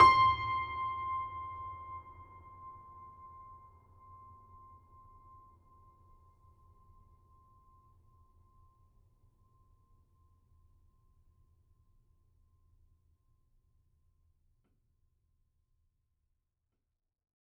<region> pitch_keycenter=84 lokey=84 hikey=85 volume=2.088102 lovel=66 hivel=99 locc64=65 hicc64=127 ampeg_attack=0.004000 ampeg_release=0.400000 sample=Chordophones/Zithers/Grand Piano, Steinway B/Sus/Piano_Sus_Close_C6_vl3_rr1.wav